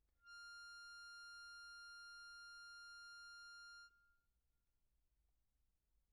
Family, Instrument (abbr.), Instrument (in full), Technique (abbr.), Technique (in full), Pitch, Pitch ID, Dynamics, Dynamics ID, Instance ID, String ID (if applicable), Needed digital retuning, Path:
Keyboards, Acc, Accordion, ord, ordinario, F6, 89, pp, 0, 0, , FALSE, Keyboards/Accordion/ordinario/Acc-ord-F6-pp-N-N.wav